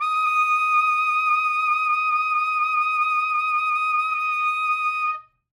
<region> pitch_keycenter=87 lokey=85 hikey=89 tune=5 volume=9.237326 ampeg_attack=0.004000 ampeg_release=0.500000 sample=Aerophones/Reed Aerophones/Saxello/Vibrato/Saxello_SusVB_MainSpirit_D#5_vl2_rr1.wav